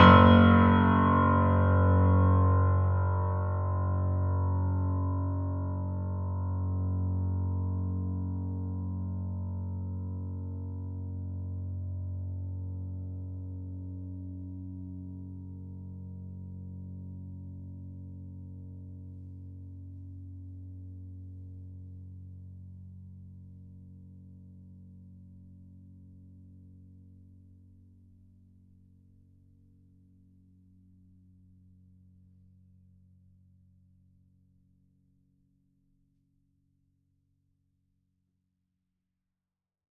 <region> pitch_keycenter=30 lokey=30 hikey=31 volume=0.365271 lovel=66 hivel=99 locc64=65 hicc64=127 ampeg_attack=0.004000 ampeg_release=0.400000 sample=Chordophones/Zithers/Grand Piano, Steinway B/Sus/Piano_Sus_Close_F#1_vl3_rr1.wav